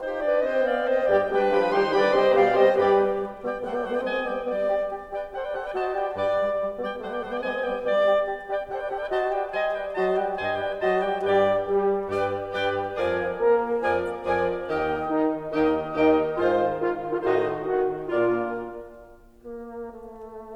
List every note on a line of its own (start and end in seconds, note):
0.00 0.20 D#4
0.00 0.20 G4
0.00 0.20 C5
0.00 0.42 G5
0.20 0.42 D4
0.20 0.42 B4
0.20 0.42 D5
0.42 0.63 C4
0.42 0.63 C5
0.42 0.63 D#5
0.42 0.84 G5
0.63 0.84 B3
0.63 0.84 D5
0.63 0.84 F5
0.84 1.06 C4
0.84 1.06 C5
0.84 1.06 D#5
0.84 1.29 G5
1.06 1.29 G2
1.06 1.29 G3
1.06 1.29 G4
1.06 1.29 B4
1.06 1.29 D5
1.29 1.49 G3
1.29 1.72 D4
1.29 1.49 G4
1.29 1.72 B4
1.29 1.49 G5
1.49 1.72 F3
1.49 1.72 G3
1.49 1.72 F4
1.49 1.72 G4
1.49 1.72 G5
1.49 1.72 B5
1.72 1.94 D#3
1.72 1.94 G3
1.72 1.94 D#4
1.72 1.94 G4
1.72 1.94 C5
1.72 1.94 G5
1.72 1.94 C6
1.94 2.09 D3
1.94 2.09 G3
1.94 2.09 D4
1.94 2.09 G4
1.94 2.09 B4
1.94 2.09 D5
1.94 2.09 G5
1.94 2.09 B5
2.09 2.32 C3
2.09 2.32 G3
2.09 2.32 C4
2.09 2.32 G4
2.09 2.32 C5
2.09 2.32 D#5
2.09 2.32 G5
2.09 2.32 C6
2.32 2.60 B2
2.32 2.60 G3
2.32 2.60 B3
2.32 2.60 G4
2.32 2.60 D5
2.32 2.60 F5
2.32 2.60 G5
2.32 2.60 D6
2.60 2.79 C3
2.60 2.79 G3
2.60 2.79 C4
2.60 2.79 G4
2.60 2.79 C5
2.60 2.79 D#5
2.60 2.79 G5
2.60 2.79 C6
2.79 2.98 G2
2.79 2.98 G3
2.79 3.23 G3
2.79 3.23 G4
2.79 3.23 B4
2.79 3.23 D5
2.79 3.23 G5
2.79 3.23 B5
2.98 3.23 G3
3.23 3.42 G3
3.42 3.65 G3
3.42 3.65 B3
3.42 3.65 D5
3.42 3.65 G5
3.65 3.74 G3
3.65 3.74 A3
3.65 3.74 C5
3.65 3.74 F#5
3.74 3.85 B3
3.74 3.85 D5
3.74 3.85 G5
3.85 3.96 G3
3.85 3.96 A3
3.85 3.96 C5
3.85 3.96 F#5
3.96 4.06 B3
3.96 4.06 D5
3.96 4.06 G5
4.06 4.26 G3
4.06 4.26 C4
4.06 4.26 D#5
4.06 4.26 G#5
4.26 4.46 G3
4.26 4.46 B3
4.26 4.46 D5
4.26 4.46 G5
4.46 4.75 G3
4.46 4.75 B3
4.46 4.96 D5
4.46 4.96 G5
4.75 4.96 G4
4.96 5.12 G4
5.12 5.31 G4
5.12 5.31 B4
5.12 5.31 D5
5.12 5.31 G5
5.31 5.49 G4
5.31 5.39 A4
5.31 5.39 C5
5.31 5.39 F#5
5.39 5.49 B4
5.39 5.49 D5
5.39 5.49 G5
5.49 5.71 G4
5.49 5.58 A4
5.49 5.58 C5
5.49 5.58 F#5
5.58 5.71 B4
5.58 5.71 D5
5.58 5.71 G5
5.71 5.93 F#4
5.71 5.93 C5
5.71 5.93 D#5
5.71 5.93 A5
5.93 6.12 G4
5.93 6.12 B4
5.93 6.12 D5
5.93 6.12 G5
6.12 6.33 G2
6.12 6.33 G3
6.12 6.55 B4
6.12 6.55 D5
6.12 6.55 G5
6.33 6.55 G3
6.55 6.78 G3
6.78 7.01 G3
6.78 7.01 B3
6.78 7.01 D5
6.78 7.01 G5
7.01 7.11 G3
7.01 7.11 A3
7.01 7.11 C5
7.01 7.11 F#5
7.11 7.16 B3
7.11 7.16 D5
7.11 7.16 G5
7.16 7.28 G3
7.16 7.28 A3
7.16 7.28 C5
7.16 7.28 F#5
7.28 7.40 B3
7.28 7.40 D5
7.28 7.40 G5
7.40 7.59 G3
7.40 7.59 C4
7.40 7.59 D#5
7.40 7.59 G#5
7.59 7.83 G3
7.59 7.83 B3
7.59 7.83 D5
7.59 7.83 G5
7.83 8.03 G3
7.83 8.03 B3
7.83 8.27 D5
7.83 8.27 G5
8.03 8.27 G4
8.27 8.49 G4
8.49 8.71 G4
8.49 8.71 B4
8.49 8.71 D5
8.49 8.71 G5
8.71 8.92 G4
8.71 8.81 A4
8.71 8.81 C5
8.71 8.81 F#5
8.81 8.92 B4
8.81 8.92 D5
8.81 8.92 G5
8.92 9.15 G4
8.92 9.02 A4
8.92 9.02 C5
8.92 9.02 F#5
9.02 9.15 B4
9.02 9.15 D5
9.02 9.15 G5
9.15 9.32 F#4
9.15 9.32 C5
9.15 9.32 D#5
9.15 9.32 A5
9.32 9.52 G4
9.32 9.52 B4
9.32 9.52 D5
9.32 9.52 G5
9.52 9.93 G3
9.52 9.75 C5
9.52 9.75 D#5
9.52 9.75 G#5
9.75 9.93 B4
9.75 9.93 D5
9.75 9.93 G5
9.93 10.15 F#3
9.93 10.15 F#4
9.93 10.15 C5
9.93 10.15 D#5
9.93 10.15 A5
10.15 10.34 G3
10.15 10.34 G4
10.15 10.34 B4
10.15 10.34 D5
10.15 10.34 G5
10.34 10.79 G2
10.34 10.79 G3
10.34 10.55 C5
10.34 10.55 D#5
10.34 10.55 G#5
10.55 10.79 B4
10.55 10.79 D5
10.55 10.79 G5
10.79 10.99 F#3
10.79 10.99 F#4
10.79 10.99 C5
10.79 10.99 D#5
10.79 10.99 A5
10.99 11.23 G3
10.99 11.23 G4
10.99 11.23 B4
10.99 11.23 D5
10.99 11.23 G5
11.23 11.70 G2
11.23 11.70 G3
11.23 11.70 G4
11.23 11.70 B4
11.23 11.70 D5
11.23 11.70 G5
11.70 12.13 G3
11.70 12.13 G4
12.13 12.61 G2
12.13 12.61 G3
12.13 12.61 G4
12.13 12.61 B4
12.13 12.61 D5
12.13 12.61 G5
12.61 12.96 G2
12.61 12.96 G3
12.61 12.96 G4
12.61 12.96 B4
12.61 12.96 D5
12.61 12.96 G5
12.96 13.37 F2
12.96 13.37 F3
12.96 13.37 G#4
12.96 13.37 A#4
12.96 13.37 D5
12.96 13.37 G#5
13.37 13.79 A#3
13.37 13.79 A#4
13.79 14.22 F2
13.79 14.22 F3
13.79 14.22 G#4
13.79 14.22 A#4
13.79 14.22 D5
13.79 14.22 G#5
14.22 14.70 F2
14.22 14.70 F3
14.22 14.70 G#4
14.22 14.70 A#4
14.22 14.70 D5
14.22 14.70 G#5
14.70 15.15 D#2
14.70 15.15 D#3
14.70 15.15 G4
14.70 15.15 A#4
14.70 15.15 D#5
14.70 15.15 G5
15.15 15.56 D#3
15.15 15.56 D#4
15.56 15.94 D#2
15.56 15.94 D#3
15.56 15.94 D#4
15.56 15.94 G4
15.56 15.94 A#4
15.56 15.94 D#5
15.56 15.94 G5
15.94 16.35 D#2
15.94 16.35 D#3
15.94 16.35 D#4
15.94 16.35 G4
15.94 16.35 A#4
15.94 16.35 D#5
15.94 16.35 G5
16.35 16.74 G#2
16.35 16.74 D#3
16.35 16.74 G#3
16.35 16.74 F4
16.35 16.74 C5
16.35 16.74 F5
16.74 17.14 D#3
16.74 17.14 F4
17.14 17.24 D#3
17.14 17.24 F4
17.24 17.65 A2
17.24 17.65 D#3
17.24 17.65 A3
17.24 17.65 D#4
17.24 17.65 F#4
17.24 17.65 C5
17.24 17.65 D#5
17.65 18.09 D#3
17.65 18.09 F#4
18.09 18.65 A#2
18.09 18.65 A#3
18.09 18.65 D4
18.09 18.65 F4
18.09 18.65 A#4
18.09 18.65 D5
19.42 19.88 A#3
19.88 20.56 A3